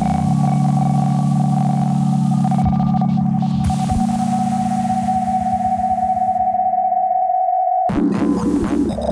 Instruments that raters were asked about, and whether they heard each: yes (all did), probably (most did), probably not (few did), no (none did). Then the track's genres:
mandolin: no
flute: no
bass: no
Field Recordings; Experimental; Musique Concrete